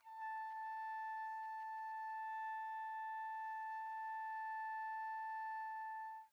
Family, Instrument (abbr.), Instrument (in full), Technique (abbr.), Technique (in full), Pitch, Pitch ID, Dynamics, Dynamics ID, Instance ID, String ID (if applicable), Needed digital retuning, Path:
Brass, TpC, Trumpet in C, ord, ordinario, A5, 81, pp, 0, 0, , TRUE, Brass/Trumpet_C/ordinario/TpC-ord-A5-pp-N-T26d.wav